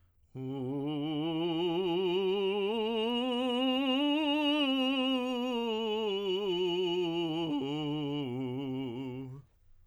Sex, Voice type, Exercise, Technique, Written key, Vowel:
male, tenor, scales, vibrato, , u